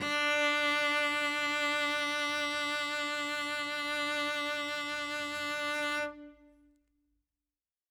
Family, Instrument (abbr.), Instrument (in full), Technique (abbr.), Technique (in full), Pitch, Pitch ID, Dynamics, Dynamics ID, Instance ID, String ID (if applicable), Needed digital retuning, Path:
Strings, Vc, Cello, ord, ordinario, D4, 62, ff, 4, 0, 1, FALSE, Strings/Violoncello/ordinario/Vc-ord-D4-ff-1c-N.wav